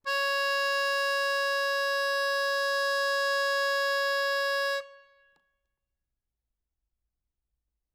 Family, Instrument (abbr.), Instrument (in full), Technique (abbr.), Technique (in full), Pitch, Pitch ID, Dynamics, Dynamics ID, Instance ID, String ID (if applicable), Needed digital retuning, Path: Keyboards, Acc, Accordion, ord, ordinario, C#5, 73, ff, 4, 0, , FALSE, Keyboards/Accordion/ordinario/Acc-ord-C#5-ff-N-N.wav